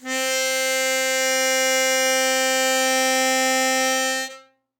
<region> pitch_keycenter=60 lokey=58 hikey=62 tune=1 volume=7.608488 trigger=attack ampeg_attack=0.004000 ampeg_release=0.100000 sample=Aerophones/Free Aerophones/Harmonica-Hohner-Super64/Sustains/Normal/Hohner-Super64_Normal _C3.wav